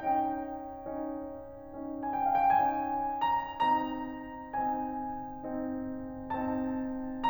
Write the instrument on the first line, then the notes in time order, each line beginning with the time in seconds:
piano
0.00 C#4 D#4 G5
0.72 C#4 D#4
1.63 C#4 D#4
2.03 G#5
2.18 G5
2.30 F5
2.38 G5
2.50 C#4 D#4 G#5
3.23 A#5
3.80 C4 D#4 A#5
4.60 C4 D#4 G#5
5.58 C4 D#4
6.32 C4 D#4 A5